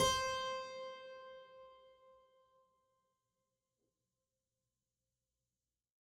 <region> pitch_keycenter=72 lokey=72 hikey=73 volume=4.209829 trigger=attack ampeg_attack=0.004000 ampeg_release=0.400000 amp_veltrack=0 sample=Chordophones/Zithers/Harpsichord, French/Sustains/Harpsi2_Normal_C4_rr1_Main.wav